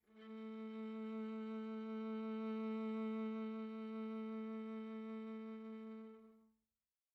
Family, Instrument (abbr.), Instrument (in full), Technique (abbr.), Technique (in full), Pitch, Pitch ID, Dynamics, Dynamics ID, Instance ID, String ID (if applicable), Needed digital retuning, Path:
Strings, Va, Viola, ord, ordinario, A3, 57, pp, 0, 2, 3, FALSE, Strings/Viola/ordinario/Va-ord-A3-pp-3c-N.wav